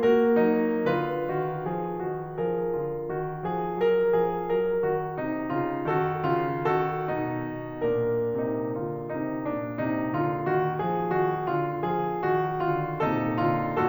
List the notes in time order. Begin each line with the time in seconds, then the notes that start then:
0.00 A#3 F#4 A#4
0.43 F#3 D#4
0.85 D3 F4 B4
1.31 D#3 F#4
1.70 F3 G#4
2.07 D#3 F#4
2.32 F3 G#4 A#4
2.75 D3 F4
3.09 D#3 F#4
3.58 F3 G#4
3.87 F#3 A#4
4.20 F3 G#4
4.53 F#3 A#4
4.88 D#3 F#4
5.21 C3 D#4
5.55 D3 F4
5.87 D#3 F#4 A4
6.28 D3 F4
6.69 D#3 F#4 A4
7.08 B2 D#4
7.74 D4 A#4
8.44 C3 D#4
8.86 D3 F4
9.16 C3 D#4
9.50 A#2 D4
9.86 C3 D#4
10.19 D3 F4
10.50 D#3 F#4
10.86 F3 G#4
11.12 D#3 F#4
11.46 D3 F4
11.92 F3 G#4
12.26 D#3 F#4
12.59 D3 F4
12.95 A#2 C3 D#4 A4
13.40 D3 F4